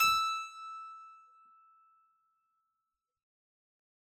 <region> pitch_keycenter=88 lokey=88 hikey=88 volume=0.431665 trigger=attack ampeg_attack=0.004000 ampeg_release=0.400000 amp_veltrack=0 sample=Chordophones/Zithers/Harpsichord, Unk/Sustains/Harpsi4_Sus_Main_E5_rr1.wav